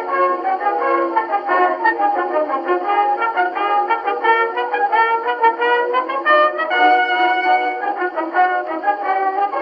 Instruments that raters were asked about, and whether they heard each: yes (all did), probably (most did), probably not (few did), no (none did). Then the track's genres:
trumpet: yes
cymbals: no
trombone: probably
Old-Time / Historic